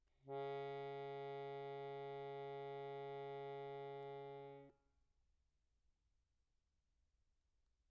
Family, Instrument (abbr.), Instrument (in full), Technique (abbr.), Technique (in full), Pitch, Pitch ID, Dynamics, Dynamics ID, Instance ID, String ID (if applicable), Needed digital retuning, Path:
Keyboards, Acc, Accordion, ord, ordinario, C#3, 49, pp, 0, 0, , FALSE, Keyboards/Accordion/ordinario/Acc-ord-C#3-pp-N-N.wav